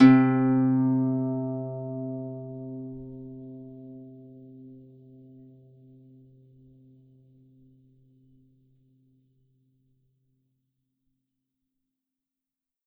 <region> pitch_keycenter=48 lokey=48 hikey=49 tune=-9 volume=-2.857059 xfin_lovel=70 xfin_hivel=100 ampeg_attack=0.004000 ampeg_release=30.000000 sample=Chordophones/Composite Chordophones/Folk Harp/Harp_Normal_C2_v3_RR1.wav